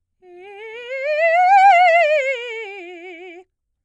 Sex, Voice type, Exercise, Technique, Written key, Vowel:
female, soprano, scales, fast/articulated piano, F major, e